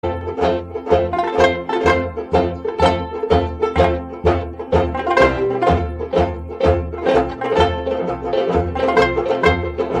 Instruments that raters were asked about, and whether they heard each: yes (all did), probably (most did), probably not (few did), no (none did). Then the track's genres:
ukulele: probably
mandolin: yes
banjo: yes
trombone: no
trumpet: no
Old-Time / Historic